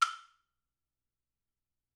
<region> pitch_keycenter=60 lokey=60 hikey=60 volume=7.973201 offset=512 lovel=84 hivel=106 seq_position=2 seq_length=2 ampeg_attack=0.004000 ampeg_release=30.000000 sample=Idiophones/Struck Idiophones/Woodblock/wood_click_f_rr2.wav